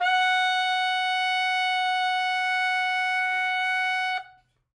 <region> pitch_keycenter=78 lokey=77 hikey=80 volume=8.689288 lovel=84 hivel=127 ampeg_attack=0.004000 ampeg_release=0.500000 sample=Aerophones/Reed Aerophones/Saxello/Non-Vibrato/Saxello_SusNV_MainSpirit_F#4_vl3_rr1.wav